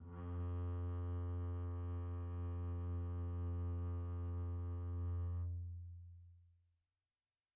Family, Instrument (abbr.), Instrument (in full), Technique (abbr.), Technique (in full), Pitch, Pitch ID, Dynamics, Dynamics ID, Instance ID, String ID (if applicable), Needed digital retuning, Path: Strings, Cb, Contrabass, ord, ordinario, F2, 41, pp, 0, 1, 2, FALSE, Strings/Contrabass/ordinario/Cb-ord-F2-pp-2c-N.wav